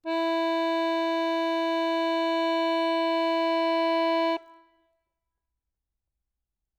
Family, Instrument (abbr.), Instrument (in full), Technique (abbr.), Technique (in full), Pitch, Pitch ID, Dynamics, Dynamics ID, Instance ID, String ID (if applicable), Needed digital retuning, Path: Keyboards, Acc, Accordion, ord, ordinario, E4, 64, ff, 4, 1, , FALSE, Keyboards/Accordion/ordinario/Acc-ord-E4-ff-alt1-N.wav